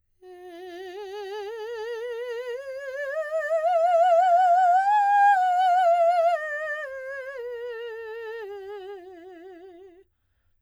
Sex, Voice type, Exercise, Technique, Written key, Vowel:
female, soprano, scales, slow/legato piano, F major, e